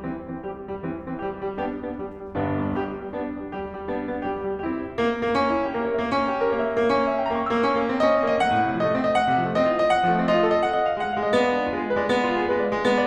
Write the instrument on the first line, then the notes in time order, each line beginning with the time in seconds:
piano
0.00 E3 C4
0.31 C4
0.42 G3 G4
0.70 G3
0.80 E3 C4
1.11 C4
1.24 G3 G4
1.44 G3
1.54 B3 D4 G4
1.74 B3 D4
1.92 G3
2.22 G3
2.33 G1 G2 B3 D4
2.62 B3 D4
2.79 G3 G4
3.02 G3
3.15 B3 D4
3.31 B3 D4
3.48 G3 G4
3.78 G3
3.91 B3 D4
4.16 B3 D4
4.26 G3 G4
4.53 G3
4.64 C4 E4 G4
4.98 A#3
5.19 A#3
5.36 C#4
5.53 E4
5.64 G4
5.75 A#3 A#4
5.85 C#5
5.97 A#3 E5
6.16 C#4
6.32 G4
6.44 A#4
6.56 A#3 C#5
6.66 E5
6.82 A#3 G5
6.94 C#4
7.08 E5
7.21 G5
7.34 A#3 A#5
7.47 C#6
7.57 A#3 E6
7.70 C#4
7.79 A#3
7.92 C4
8.06 C#4 D#5
8.19 C4
8.30 A#3 D#5
8.42 A3 F#5
8.53 A2
8.64 C3
8.74 F3 D#5
8.88 A3
9.00 C4 D#5
9.14 F#5
9.32 C3
9.44 F3
9.52 A3 D#5
9.62 C4
9.73 F4 D#5
9.86 F#5
10.07 F3
10.18 A3
10.29 C4 D#5
10.39 F4
10.52 A4 D#5
10.62 F#5
10.75 D#5
10.87 F5
10.96 G#3 F#5
11.18 F5
11.30 G#3 D#5
11.41 B3 D5
11.53 D4
11.63 F4
11.76 G#3 G#4
11.87 B4
11.98 G#3 D5
12.14 B3
12.26 F4
12.38 G#4
12.49 G#3 B4
12.62 D5
12.72 G#3 F5
12.84 B3
12.96 D5